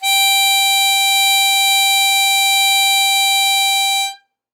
<region> pitch_keycenter=79 lokey=78 hikey=81 volume=2.653258 offset=167 trigger=attack ampeg_attack=0.004000 ampeg_release=0.100000 sample=Aerophones/Free Aerophones/Harmonica-Hohner-Super64/Sustains/Normal/Hohner-Super64_Normal _G4.wav